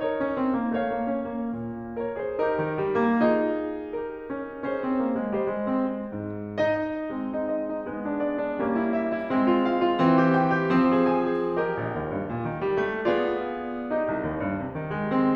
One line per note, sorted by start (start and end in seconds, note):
0.01 0.19 D#4
0.01 0.73 A#4
0.01 0.73 C#5
0.21 0.38 C#4
0.39 0.59 C4
0.59 0.73 A#3
0.75 0.95 A3
0.75 1.49 C#5
0.75 1.49 F5
0.96 1.09 A#3
1.10 1.26 C#4
1.27 1.49 A#3
1.50 2.33 A#2
1.98 2.14 A#4
1.98 2.14 C#5
2.15 2.33 G#4
2.15 2.33 C5
2.36 2.51 D#4
2.36 3.19 G4
2.36 3.19 A#4
2.53 2.73 D#3
2.75 2.92 G3
2.94 3.19 A#3
3.20 4.28 D#4
3.20 3.90 F4
3.20 3.90 G#4
3.91 4.64 G4
3.91 4.64 A#4
4.29 4.64 C#4
4.65 4.81 C#4
4.65 5.38 G#4
4.65 5.38 C5
4.82 5.00 C4
5.04 5.20 A#3
5.21 5.38 G#3
5.38 5.50 G3
5.38 6.05 C5
5.38 6.05 D#5
5.52 5.67 G#3
5.68 5.89 C4
5.90 6.05 G#3
6.08 7.13 G#2
6.61 7.34 D#4
6.61 7.34 D#5
7.15 7.87 G#3
7.15 7.87 C4
7.35 7.49 D#4
7.51 7.70 D#5
7.71 7.87 D#4
7.88 8.56 G#3
7.88 8.56 B3
8.06 8.20 D4
8.21 8.38 D5
8.40 8.56 D4
8.59 9.34 G3
8.59 9.34 A#3
8.59 9.34 C#4
8.83 9.00 E4
9.03 9.20 E5
9.20 9.34 E4
9.35 9.98 G#3
9.35 9.98 C4
9.54 9.70 F4
9.71 9.84 F5
9.85 9.98 F4
9.99 10.75 E3
9.99 10.75 C4
10.13 10.32 G4
10.33 10.54 G5
10.55 10.75 G4
10.76 11.60 F3
10.76 11.60 C4
11.07 11.23 G#4
11.24 11.41 G#5
11.42 11.60 G#4
11.63 13.00 G4
11.63 13.00 A#4
11.63 13.00 D#5
11.80 11.92 A#1
11.93 12.08 D#2
12.10 12.24 G2
12.25 12.42 A#2
12.45 12.61 D#3
12.63 12.80 G3
12.81 13.00 A3
13.01 13.87 B3
13.01 13.87 F4
13.01 13.87 G#4
13.01 13.87 D5
13.88 15.34 D#4
13.88 15.34 G4
13.88 15.34 D#5
14.09 14.24 C2
14.26 14.41 D#2
14.43 14.60 G2
14.61 14.76 C3
14.79 14.92 D#3
14.95 15.10 G3
15.11 15.34 C4